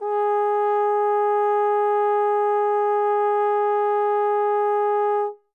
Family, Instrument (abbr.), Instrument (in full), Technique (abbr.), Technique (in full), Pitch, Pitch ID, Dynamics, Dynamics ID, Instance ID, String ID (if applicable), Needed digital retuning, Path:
Brass, Tbn, Trombone, ord, ordinario, G#4, 68, mf, 2, 0, , FALSE, Brass/Trombone/ordinario/Tbn-ord-G#4-mf-N-N.wav